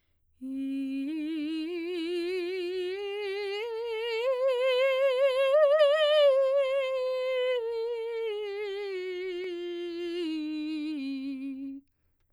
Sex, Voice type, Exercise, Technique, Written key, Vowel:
female, soprano, scales, slow/legato piano, C major, i